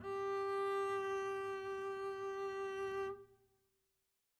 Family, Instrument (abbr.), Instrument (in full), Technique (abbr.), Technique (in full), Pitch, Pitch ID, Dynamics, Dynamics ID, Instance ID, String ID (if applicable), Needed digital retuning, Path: Strings, Cb, Contrabass, ord, ordinario, G4, 67, mf, 2, 0, 1, FALSE, Strings/Contrabass/ordinario/Cb-ord-G4-mf-1c-N.wav